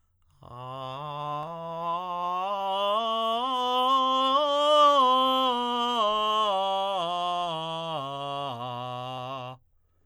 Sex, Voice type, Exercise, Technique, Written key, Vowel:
male, tenor, scales, straight tone, , a